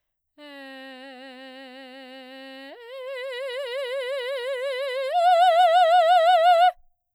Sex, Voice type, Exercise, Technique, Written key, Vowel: female, soprano, long tones, full voice forte, , e